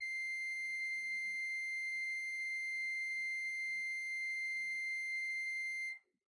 <region> pitch_keycenter=84 lokey=84 hikey=85 ampeg_attack=0.004000 ampeg_release=0.300000 amp_veltrack=0 sample=Aerophones/Edge-blown Aerophones/Renaissance Organ/4'/RenOrgan_4foot_Room_C5_rr1.wav